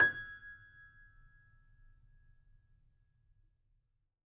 <region> pitch_keycenter=92 lokey=92 hikey=93 volume=1.149083 lovel=66 hivel=99 locc64=0 hicc64=64 ampeg_attack=0.004000 ampeg_release=0.400000 sample=Chordophones/Zithers/Grand Piano, Steinway B/NoSus/Piano_NoSus_Close_G#6_vl3_rr1.wav